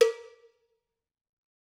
<region> pitch_keycenter=65 lokey=65 hikey=65 volume=1.601115 offset=235 lovel=84 hivel=127 ampeg_attack=0.004000 ampeg_release=15.000000 sample=Idiophones/Struck Idiophones/Cowbells/Cowbell2_Normal_v3_rr1_Mid.wav